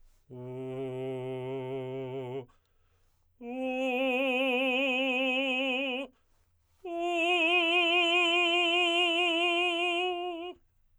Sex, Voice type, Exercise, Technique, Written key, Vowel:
male, tenor, long tones, full voice forte, , u